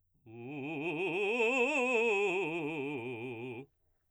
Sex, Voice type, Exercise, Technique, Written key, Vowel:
male, baritone, scales, fast/articulated forte, C major, u